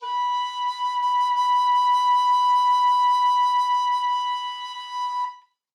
<region> pitch_keycenter=83 lokey=83 hikey=86 tune=1 volume=13.278322 offset=630 ampeg_attack=0.004000 ampeg_release=0.300000 sample=Aerophones/Edge-blown Aerophones/Baroque Tenor Recorder/SusVib/TenRecorder_SusVib_B4_rr1_Main.wav